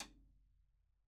<region> pitch_keycenter=61 lokey=61 hikey=61 volume=14.396458 seq_position=1 seq_length=2 ampeg_attack=0.004000 ampeg_release=30.000000 sample=Membranophones/Struck Membranophones/Snare Drum, Rope Tension/RopeSnare_stick_Main_vl1_rr1.wav